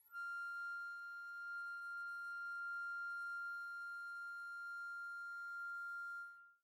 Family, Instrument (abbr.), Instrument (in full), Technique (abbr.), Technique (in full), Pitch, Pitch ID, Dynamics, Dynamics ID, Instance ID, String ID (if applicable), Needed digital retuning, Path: Winds, Fl, Flute, ord, ordinario, F6, 89, pp, 0, 0, , FALSE, Winds/Flute/ordinario/Fl-ord-F6-pp-N-N.wav